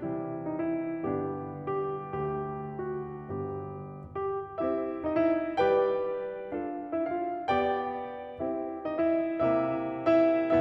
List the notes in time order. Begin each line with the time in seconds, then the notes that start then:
0.00 C3 E3 G3 C4 E4
0.50 D#4
0.70 E4
1.07 G2 D3 B3 D4 G4
1.74 G4
2.21 D2 D3 A3 D4 G4
2.95 F#4
3.29 G1 G2 B3 D4 G4
4.60 C4 E4 G4 C5 E5
5.06 D#4 D#5
5.21 E4 E5
5.62 G3 G4 B4 D5 G5
6.55 D4 F4 A4 D5 F5
6.95 E4 E5
7.11 F4 F5
7.49 B3 G4 D5 G5
8.44 C4 E4 G4 C5 E5
8.87 D#4 D#5
9.03 E4 E5
9.51 C3 A3 E4 E5
10.25 E4 E5